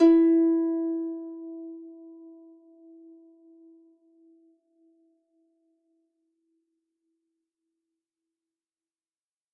<region> pitch_keycenter=64 lokey=64 hikey=65 tune=-6 volume=1.401295 xfin_lovel=70 xfin_hivel=100 ampeg_attack=0.004000 ampeg_release=30.000000 sample=Chordophones/Composite Chordophones/Folk Harp/Harp_Normal_E3_v3_RR1.wav